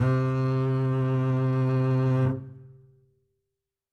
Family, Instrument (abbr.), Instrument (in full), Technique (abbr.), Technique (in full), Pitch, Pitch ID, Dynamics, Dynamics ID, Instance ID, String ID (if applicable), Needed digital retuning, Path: Strings, Cb, Contrabass, ord, ordinario, C3, 48, ff, 4, 3, 4, TRUE, Strings/Contrabass/ordinario/Cb-ord-C3-ff-4c-T14u.wav